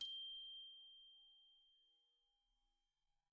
<region> pitch_keycenter=91 lokey=88 hikey=91 volume=27.684317 xfout_lovel=0 xfout_hivel=127 ampeg_attack=0.004000 ampeg_release=15.000000 sample=Idiophones/Struck Idiophones/Glockenspiel/glock_soft_G6_01.wav